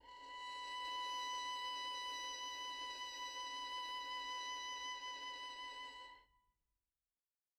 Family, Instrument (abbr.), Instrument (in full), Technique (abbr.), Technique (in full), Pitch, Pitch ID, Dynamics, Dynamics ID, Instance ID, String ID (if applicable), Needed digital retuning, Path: Strings, Vn, Violin, ord, ordinario, B5, 83, mf, 2, 2, 3, FALSE, Strings/Violin/ordinario/Vn-ord-B5-mf-3c-N.wav